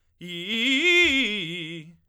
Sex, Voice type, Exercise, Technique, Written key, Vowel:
male, tenor, arpeggios, fast/articulated forte, F major, i